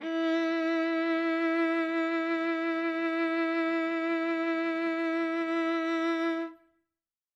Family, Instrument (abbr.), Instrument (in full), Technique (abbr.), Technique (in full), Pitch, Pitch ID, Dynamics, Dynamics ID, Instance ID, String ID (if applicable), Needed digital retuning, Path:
Strings, Va, Viola, ord, ordinario, E4, 64, ff, 4, 3, 4, FALSE, Strings/Viola/ordinario/Va-ord-E4-ff-4c-N.wav